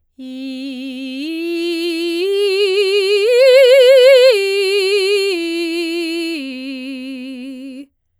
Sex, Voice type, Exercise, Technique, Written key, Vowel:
female, soprano, arpeggios, slow/legato forte, C major, i